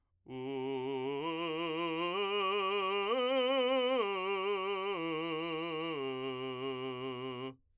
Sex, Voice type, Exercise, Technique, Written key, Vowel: male, , arpeggios, belt, , u